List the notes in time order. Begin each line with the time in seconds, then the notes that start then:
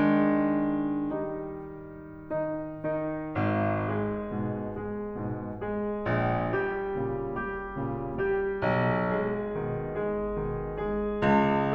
0.00 D#3 G#3
1.15 G3 D#4
2.36 D#3 D#4
2.88 D#3 D#4
3.36 G#1
3.85 G#3 G#4
4.26 G#2 B2
4.78 G#3 G#4
5.18 G#2 B2
5.58 G#3 G#4
6.03 A#1
6.50 G3 G4
6.92 A#2 C#3
7.29 G3 G4
7.84 A#2 C#3
8.20 G3 G4
8.56 B1
9.07 G#3 G#4
9.57 B2 D#3
9.94 G#3 G#4
10.41 B2 D#3
10.76 G#3 G#4
11.19 C#2